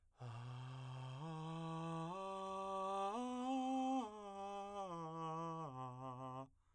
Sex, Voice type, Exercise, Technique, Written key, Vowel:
male, , arpeggios, breathy, , a